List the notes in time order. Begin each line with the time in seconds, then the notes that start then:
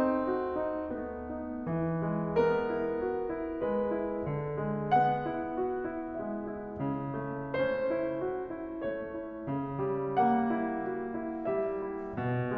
0.00 D#4
0.31 F#4
0.52 D#4
0.92 A3 B3
1.35 D#4
1.65 E3
2.04 G#3
2.40 B3 A#4
2.72 E4
3.00 F#4
3.25 E4
3.62 G#3 B4
3.89 E4
4.32 D3
4.67 G#3
4.93 B3 F#5
5.27 E4
5.51 F#4
5.82 E4
6.14 G#3 E5
6.35 E4
6.78 C#3
7.22 A3
7.62 C#4 C5
7.95 E4
8.24 F#4
8.44 E4
8.82 A3 C#5
9.07 E4
9.46 C#3
9.79 G3
10.25 A#3 F#5
10.51 E4
10.90 F#4
11.16 E4
11.47 G3 E5
11.85 E4
12.18 B2